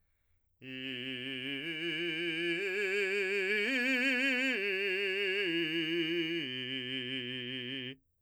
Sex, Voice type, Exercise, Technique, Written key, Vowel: male, , arpeggios, vibrato, , i